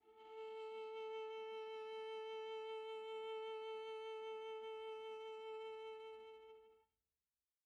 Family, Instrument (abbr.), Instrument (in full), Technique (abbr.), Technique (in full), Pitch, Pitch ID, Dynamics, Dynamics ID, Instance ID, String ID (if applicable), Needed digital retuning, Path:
Strings, Va, Viola, ord, ordinario, A4, 69, pp, 0, 1, 2, FALSE, Strings/Viola/ordinario/Va-ord-A4-pp-2c-N.wav